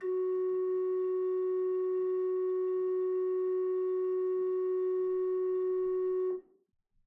<region> pitch_keycenter=54 lokey=54 hikey=55 ampeg_attack=0.004000 ampeg_release=0.300000 amp_veltrack=0 sample=Aerophones/Edge-blown Aerophones/Renaissance Organ/4'/RenOrgan_4foot_Room_F#2_rr1.wav